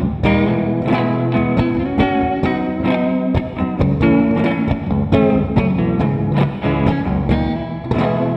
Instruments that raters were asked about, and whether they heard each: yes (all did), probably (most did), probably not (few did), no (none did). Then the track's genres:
guitar: yes
bass: probably not
clarinet: no
saxophone: no
Folk; Noise; Shoegaze